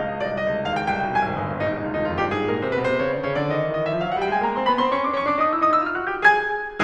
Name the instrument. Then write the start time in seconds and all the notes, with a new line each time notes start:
piano
0.00 C#2 D#5
0.05 F5
0.10 C2 D#5
0.16 C#2 D#5 F5
0.26 F5
0.31 B1 D5
0.41 C2 D#5
0.56 C#2
0.67 D#2 F5
0.79 C#2 G5
0.92 C2 G5
1.04 B1
1.15 C2 G#5
1.29 G#1
1.39 G1
1.52 G#1
1.65 A#1 D#4
1.75 C2
1.90 C#2 F4
1.97 D#4
2.04 D#2 D#4 F4
2.14 F2 F4
2.22 G2 G4
2.37 G#2 G#4
2.47 A#2 A#4
2.60 C3 C5
2.73 B2 B4
2.84 C3 C5
3.00 C#3 C#5
3.12 D3 D5
3.24 C#3 C#5
3.37 D3 D5
3.49 D#3 D#5
3.65 E3 E5
3.75 D#3 D#5
3.89 E3 E5
3.98 F3 F5
4.06 F#3 F#5
4.20 G3 G5
4.33 G#3 G#5
4.45 A#3 A#5
4.56 C4 C6
4.68 B3 B5
4.81 C4 C6
4.92 C#4 C#6
5.04 D4 D6
5.17 C#4 C#6
5.29 D4 D6
5.41 D#4 D#6
5.53 E4 E6
5.65 D#4 D#6
5.77 E4 E6
5.89 F4 F6
6.01 F#4 F#6
6.13 G4 G6
6.26 G#4 G#5 G#6